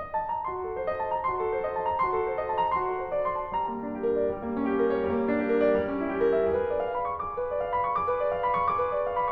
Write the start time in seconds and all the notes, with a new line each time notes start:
0.00 D#5
0.14 A5
0.30 A#5
0.49 F#4 C6
0.63 A4
0.73 C5
0.87 D#5
1.00 A5
1.15 A#5
1.31 F#4 C6
1.42 A4
1.54 C5
1.66 D#5
1.79 A5
1.95 A#5
2.09 F#4 C6
2.17 A4
2.28 C5
2.37 D#5
2.50 A5
2.64 A#5
2.80 F#4 C6
2.95 A4
3.02 C5
3.09 D#5
3.25 C6
3.38 A5
3.54 G3 A#5
3.65 A#3
3.80 D4
3.96 G4
4.10 A#4
4.23 D5
4.35 G3
4.49 A#3
4.56 C#4
4.67 G4
4.81 A#4
4.92 C#5
5.02 G3
5.12 A#3
5.27 D4
5.39 G4
5.48 A#4
5.62 D5
5.76 G3
5.91 C#4
6.01 E4
6.12 G4
6.20 A#4
6.30 E5
6.46 G#4
6.58 B4
6.73 D5
6.80 F5
6.98 B5
7.14 C#6
7.27 G#4 D6
7.37 B4
7.49 D5
7.62 F5
7.74 B5
7.86 C#6
7.95 G#4 D6
8.06 B4
8.21 D5
8.36 F5
8.53 B5
8.74 C#6